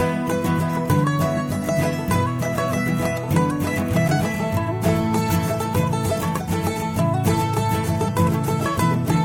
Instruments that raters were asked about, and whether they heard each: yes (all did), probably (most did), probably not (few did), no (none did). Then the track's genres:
ukulele: probably not
mandolin: yes
banjo: probably
Country; Folk